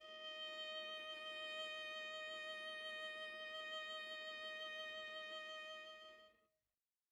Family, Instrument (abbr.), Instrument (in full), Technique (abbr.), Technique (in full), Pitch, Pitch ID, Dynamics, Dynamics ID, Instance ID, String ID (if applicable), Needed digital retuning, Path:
Strings, Va, Viola, ord, ordinario, D#5, 75, mf, 2, 2, 3, TRUE, Strings/Viola/ordinario/Va-ord-D#5-mf-3c-T11u.wav